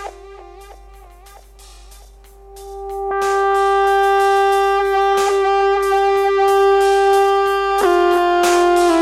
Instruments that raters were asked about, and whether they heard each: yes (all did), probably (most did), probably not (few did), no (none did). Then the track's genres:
trumpet: probably
saxophone: no
Lo-Fi; IDM; Downtempo